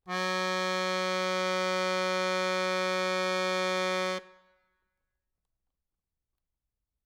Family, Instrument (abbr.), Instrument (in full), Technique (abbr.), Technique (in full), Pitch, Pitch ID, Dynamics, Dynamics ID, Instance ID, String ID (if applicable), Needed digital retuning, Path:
Keyboards, Acc, Accordion, ord, ordinario, F#3, 54, ff, 4, 2, , FALSE, Keyboards/Accordion/ordinario/Acc-ord-F#3-ff-alt2-N.wav